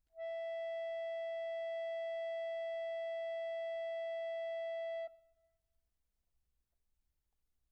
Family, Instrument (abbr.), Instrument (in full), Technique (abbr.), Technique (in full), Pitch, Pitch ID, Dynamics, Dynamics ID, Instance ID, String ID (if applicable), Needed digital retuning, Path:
Keyboards, Acc, Accordion, ord, ordinario, E5, 76, pp, 0, 1, , FALSE, Keyboards/Accordion/ordinario/Acc-ord-E5-pp-alt1-N.wav